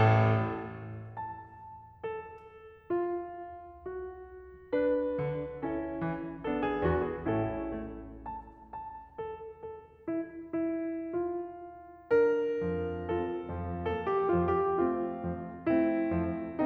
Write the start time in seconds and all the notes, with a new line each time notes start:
0.00 A1 A2 A4
1.16 A5
2.05 A4
2.94 F4
3.88 F#4
4.71 D4 B4
5.18 D3
5.65 C#4 E4 A4
6.06 E3
6.43 B3 D4 A4
6.65 G#4
6.88 E2 F#4
7.09 G#4
7.30 A2 A3 C#4 A4
7.74 A3
8.27 A5
8.72 A5
9.20 A4
9.68 A4
10.08 E4
10.55 E4
11.04 F4
12.12 D4 A#4
12.64 F2 F3
13.08 C4 A4
13.55 F2 F3
13.96 A#3 E4 A4
14.14 G4
14.32 F2 F3 F4
14.52 G4
14.76 A3 C4 F4
15.17 F2 F3
15.64 A3 C4 E4
16.15 F2 F3